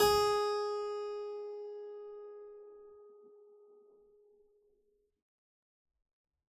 <region> pitch_keycenter=68 lokey=68 hikey=68 volume=1.557366 trigger=attack ampeg_attack=0.004000 ampeg_release=0.400000 amp_veltrack=0 sample=Chordophones/Zithers/Harpsichord, Unk/Sustains/Harpsi4_Sus_Main_G#3_rr1.wav